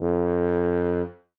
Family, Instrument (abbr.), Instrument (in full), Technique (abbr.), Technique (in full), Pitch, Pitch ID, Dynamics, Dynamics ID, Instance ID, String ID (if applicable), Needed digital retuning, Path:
Brass, BTb, Bass Tuba, ord, ordinario, F2, 41, ff, 4, 0, , TRUE, Brass/Bass_Tuba/ordinario/BTb-ord-F2-ff-N-T15u.wav